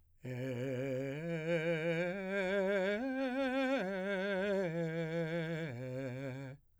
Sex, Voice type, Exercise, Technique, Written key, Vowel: male, , arpeggios, slow/legato piano, C major, e